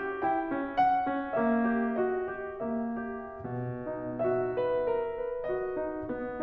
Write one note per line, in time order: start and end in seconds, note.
0.00 0.62 G4
0.41 0.85 E4
0.41 1.58 G5
0.64 1.36 C#4
0.86 2.00 F#5
1.37 1.76 A#3
1.59 2.00 C#4
1.59 2.54 E5
1.78 2.23 G4
2.03 2.54 F#4
2.03 3.48 D#5
2.25 3.02 G4
2.58 3.48 A#3
2.58 3.48 E5
3.04 3.48 G4
3.49 4.26 B2
3.72 4.60 D#4
4.34 4.85 F#4
4.34 5.45 E5
4.67 5.14 B4
4.88 5.45 A#4
5.15 5.68 B4
5.46 6.11 F#4
5.46 6.11 D#5
5.69 6.39 D#4
6.12 6.43 B3